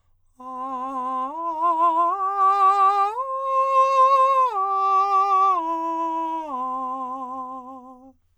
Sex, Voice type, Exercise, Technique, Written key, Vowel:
male, countertenor, arpeggios, slow/legato forte, C major, a